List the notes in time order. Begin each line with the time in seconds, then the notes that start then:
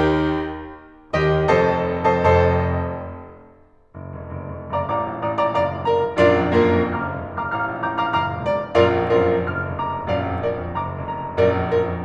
1.33 D#2 D#3 G4 D#5
1.48 F1 F2 A4 C5 D#5 A5
1.90 F1 F2 A4 C5 D#5 A5
2.05 F1 F2 A4 C5 D#5 A5
3.96 F#1
4.14 F1
4.32 F#1
4.51 F1
4.64 F#1
4.76 F1 D5 F5 A#5 D6
4.93 A1 D5 F5 A#5 D6
5.13 A#1
5.25 A1 D5 F5 A#5 D#6
5.36 A#1 D5 F5 A#5 D6
5.50 F#1 D5 F5 A#5 D6
5.64 F1
5.78 F#1 A#4 D5 F5 A#5
5.93 F1
6.12 A#1 F#2 D4 F4 A#4 D5
6.32 F2
6.49 F#2 A#3 D4 F4 A#4
6.67 F2
6.86 F#1 F5 A#5 D6 F6
7.01 F1
7.20 F#1
7.35 F1 F5 A#5 D6 F6
7.50 A1 F5 A#5 D6 F6
7.66 A#1
7.81 A1 F5 A#5 D6 G6
7.97 A#1 F5 A#5 D6 F6
8.15 F#1 F5 A#5 D6 F6
8.30 F1
8.48 F#1 D5 F5 A#5 D6
8.64 F1
8.77 A#1 F#2 F4 A#4 D5 F5
9.00 F2
9.12 F#2 D4 F4 A#4 D5
9.25 F2
9.39 F#1 D6 F6
9.60 F1
9.82 F#1 A#5 D6
9.96 F1
10.11 A#1 F#2 D5 F5
10.27 F2
10.47 F#2 A#4 D5
10.60 F2
10.77 F#1 A#5 D6
10.97 F1
11.14 F#1 F5 A#5
11.28 F1
11.41 A#1 F#2 A#4 D5
11.57 F2
11.76 F#2 F4 A#4
11.90 F2